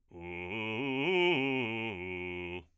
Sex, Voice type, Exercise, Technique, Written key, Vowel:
male, bass, arpeggios, fast/articulated forte, F major, u